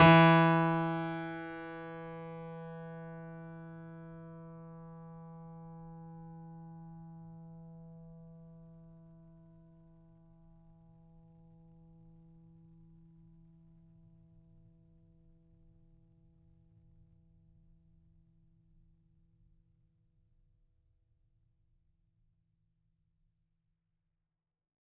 <region> pitch_keycenter=52 lokey=52 hikey=53 volume=0.618644 lovel=100 hivel=127 locc64=0 hicc64=64 ampeg_attack=0.004000 ampeg_release=0.400000 sample=Chordophones/Zithers/Grand Piano, Steinway B/NoSus/Piano_NoSus_Close_E3_vl4_rr1.wav